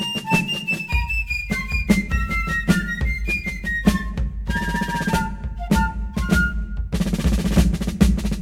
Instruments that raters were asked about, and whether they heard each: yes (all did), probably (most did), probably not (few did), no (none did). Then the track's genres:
clarinet: probably not
cymbals: probably not
flute: yes
Classical; Americana